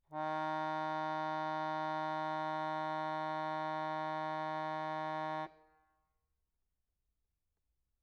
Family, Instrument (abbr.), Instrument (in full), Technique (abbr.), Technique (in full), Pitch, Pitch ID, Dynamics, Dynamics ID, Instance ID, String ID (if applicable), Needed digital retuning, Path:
Keyboards, Acc, Accordion, ord, ordinario, D#3, 51, mf, 2, 2, , FALSE, Keyboards/Accordion/ordinario/Acc-ord-D#3-mf-alt2-N.wav